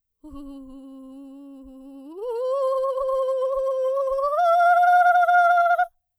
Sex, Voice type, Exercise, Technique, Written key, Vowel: female, soprano, long tones, trillo (goat tone), , u